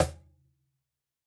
<region> pitch_keycenter=60 lokey=60 hikey=60 volume=2.779532 lovel=66 hivel=99 seq_position=1 seq_length=2 ampeg_attack=0.004000 ampeg_release=30.000000 sample=Idiophones/Struck Idiophones/Cajon/Cajon_hit1_f_rr1.wav